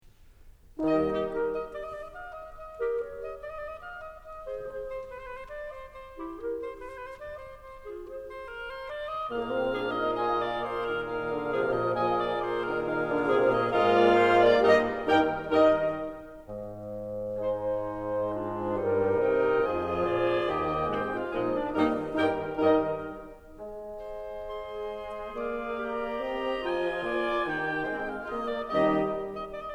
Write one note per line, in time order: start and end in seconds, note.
0.80 1.31 D#2
0.80 1.31 D#3
0.80 1.31 G3
0.80 1.31 D#4
0.80 1.31 G4
0.80 1.04 A#4
0.80 1.04 D#5
0.80 1.31 D#5
1.04 1.31 D#4
1.04 1.31 G4
1.31 1.52 G4
1.31 1.52 A#4
1.52 1.73 D#5
1.73 1.82 D5
1.82 1.91 D#5
1.91 2.02 D5
2.02 2.14 D#5
2.14 2.34 F5
2.34 2.58 D#5
2.58 2.99 D#5
2.79 2.99 G4
2.79 2.99 A#4
2.99 3.23 A#4
2.99 3.23 C#5
3.23 3.44 D#5
3.44 3.54 D5
3.54 3.61 D#5
3.61 3.71 D5
3.71 3.81 D#5
3.81 3.99 F5
3.99 4.23 D#5
4.23 4.68 D#5
4.47 4.68 G#4
4.47 4.68 C5
4.68 4.88 G#4
4.68 4.88 C5
4.88 5.07 C5
5.07 5.15 B4
5.15 5.26 C5
5.26 5.37 B4
5.37 5.48 C5
5.48 5.69 D5
5.69 5.91 C5
5.91 6.36 C5
6.14 6.36 E4
6.14 6.36 G4
6.36 6.59 G4
6.36 6.59 A#4
6.59 6.74 C5
6.74 6.86 B4
6.86 6.97 C5
6.97 7.08 B4
7.08 7.17 C5
7.17 7.38 D5
7.38 7.62 C5
7.62 8.06 C5
7.85 8.06 F4
7.85 8.06 G#4
8.06 8.29 G#4
8.06 8.29 C5
8.29 8.51 C5
8.51 8.72 A#4
8.72 8.88 C5
8.88 9.11 D5
9.11 9.33 D#5
9.33 13.88 A#2
9.33 9.57 A#3
9.33 11.04 G#4
9.33 13.88 A#4
9.33 9.91 F5
9.57 9.72 C4
9.72 9.91 D4
9.72 10.12 G#4
9.91 10.12 D#4
9.91 10.12 D#5
10.12 10.62 F4
10.12 10.37 D#5
10.12 10.62 G#5
10.37 10.62 D5
10.62 10.83 C5
10.83 11.04 D#3
10.83 11.04 A#4
11.04 11.25 D#3
11.04 12.89 G#4
11.04 11.73 F5
11.25 11.47 D3
11.47 11.73 F3
11.47 12.00 F3
11.47 12.00 G#4
11.73 12.00 A#2
11.73 12.00 D#5
12.00 12.46 F4
12.00 12.25 D#5
12.00 12.46 G#5
12.25 12.46 D5
12.46 12.67 C5
12.67 12.89 D#3
12.67 12.89 D#4
12.67 12.89 A#4
12.89 13.11 D#3
12.89 13.33 G#3
12.89 13.11 D#4
12.89 13.88 G#4
12.89 13.58 F5
13.11 13.33 D3
13.11 13.33 D4
13.33 13.58 C3
13.33 13.88 G#3
13.33 13.58 C4
13.58 13.88 A#2
13.58 13.88 A#3
13.58 13.88 D#5
13.88 14.76 G#2
13.88 14.76 G#3
13.88 15.19 A#3
13.88 14.55 F4
13.88 14.76 F4
13.88 14.76 A#4
13.88 14.12 D#5
14.12 14.29 D5
14.29 14.55 C5
14.55 14.76 D4
14.55 14.76 D5
14.76 15.19 G2
14.76 15.19 G3
14.76 15.19 D#4
14.76 15.19 G4
14.76 15.19 A#4
14.76 15.19 D#5
15.19 15.63 G2
15.19 15.63 D#3
15.19 15.63 G3
15.19 15.63 D#4
15.19 15.63 A#4
15.19 15.63 G5
15.63 16.08 G2
15.63 16.08 D#3
15.63 16.08 G3
15.63 16.08 D#4
15.63 16.08 A#4
15.63 16.08 D#5
16.51 18.28 G#2
17.43 18.74 G#3
17.43 18.28 D#4
17.43 18.28 C5
18.28 18.74 G#2
18.28 18.74 D4
18.28 18.74 F4
18.74 19.13 G2
18.74 19.13 G3
18.74 19.62 D#4
18.74 19.62 A#4
19.13 19.62 C3
19.13 19.62 C4
19.13 19.62 D#5
19.13 19.62 G5
19.62 20.08 F2
19.62 20.57 F3
19.62 20.57 F4
19.62 20.57 G#4
19.62 20.57 G#5
20.08 20.57 A#2
20.08 20.57 D5
20.57 20.92 D#2
20.57 20.92 D#3
20.57 20.92 G4
20.57 20.92 D#5
20.57 20.92 G5
20.92 21.32 G#2
20.92 21.32 G#3
20.92 21.32 C4
20.92 21.13 G4
20.92 21.32 C5
20.92 21.13 G5
21.13 21.32 F4
21.13 21.32 F5
21.32 21.73 A#2
21.32 21.73 F3
21.32 21.73 G#3
21.32 21.73 A#3
21.32 21.54 D#4
21.32 21.73 F4
21.32 21.73 G#4
21.32 21.54 D#5
21.54 21.73 D4
21.54 21.73 D5
21.73 22.21 G2
21.73 22.21 D#3
21.73 22.21 G3
21.73 22.21 A#3
21.73 22.21 D#4
21.73 22.21 A#4
21.73 22.21 D#5
22.21 22.65 G2
22.21 22.65 D#3
22.21 22.65 G3
22.21 22.65 D#4
22.21 22.65 A#4
22.21 22.65 G5
22.65 23.09 G2
22.65 23.09 D#3
22.65 23.09 G3
22.65 23.09 D#4
22.65 23.09 A#4
22.65 23.09 D#5
23.56 25.37 G#3
24.03 25.37 C5
24.50 25.37 G#4
24.50 25.37 C6
25.37 26.27 A#3
25.37 25.82 G#4
25.37 26.27 D5
25.37 25.82 F5
25.82 26.63 G4
25.82 26.63 A#5
26.27 26.63 C4
26.27 26.96 D#5
26.63 26.96 F3
26.63 27.40 F4
26.63 27.40 G#5
26.96 27.40 A#3
26.96 27.40 D5
27.40 27.82 D#3
27.40 27.82 D#4
27.40 27.82 G4
27.40 27.82 G5
27.82 28.26 G#3
27.82 28.26 C4
27.82 28.05 C5
27.82 28.05 G5
28.05 28.26 F5
28.26 28.73 A#3
28.26 28.48 F4
28.26 28.73 G#4
28.26 28.48 D#5
28.48 28.73 D5
28.73 29.23 D#2
28.73 29.23 D#3
28.73 29.23 G3
28.73 29.23 D#4
28.73 29.23 G4
28.73 29.23 D#5
29.44 29.65 D#5
29.65 29.74 D5